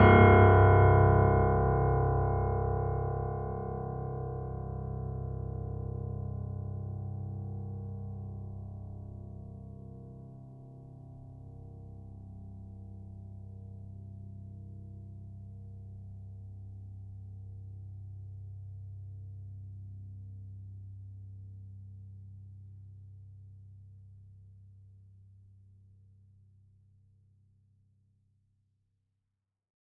<region> pitch_keycenter=24 lokey=24 hikey=25 volume=0.931249 lovel=0 hivel=65 locc64=65 hicc64=127 ampeg_attack=0.004000 ampeg_release=0.400000 sample=Chordophones/Zithers/Grand Piano, Steinway B/Sus/Piano_Sus_Close_C1_vl2_rr1.wav